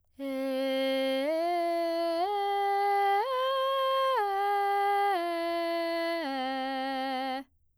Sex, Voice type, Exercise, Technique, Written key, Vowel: female, soprano, arpeggios, straight tone, , e